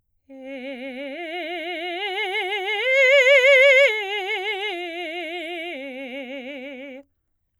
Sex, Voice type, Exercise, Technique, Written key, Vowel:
female, soprano, arpeggios, slow/legato forte, C major, e